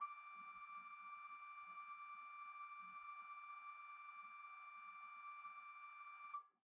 <region> pitch_keycenter=86 lokey=86 hikey=87 ampeg_attack=0.004000 ampeg_release=0.300000 amp_veltrack=0 sample=Aerophones/Edge-blown Aerophones/Renaissance Organ/8'/RenOrgan_8foot_Room_D5_rr1.wav